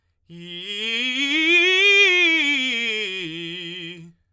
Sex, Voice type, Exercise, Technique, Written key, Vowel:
male, tenor, scales, fast/articulated forte, F major, i